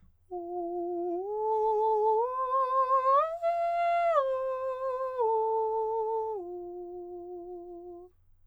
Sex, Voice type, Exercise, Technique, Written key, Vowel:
male, countertenor, arpeggios, slow/legato piano, F major, u